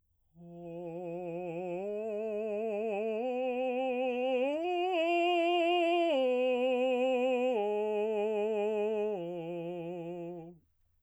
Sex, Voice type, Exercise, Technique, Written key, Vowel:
male, baritone, arpeggios, slow/legato piano, F major, o